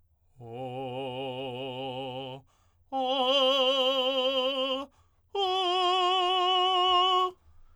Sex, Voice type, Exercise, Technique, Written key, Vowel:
male, tenor, long tones, full voice forte, , o